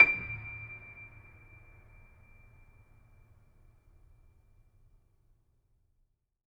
<region> pitch_keycenter=98 lokey=98 hikey=99 volume=0.461470 lovel=0 hivel=65 locc64=65 hicc64=127 ampeg_attack=0.004000 ampeg_release=0.400000 sample=Chordophones/Zithers/Grand Piano, Steinway B/Sus/Piano_Sus_Close_D7_vl2_rr1.wav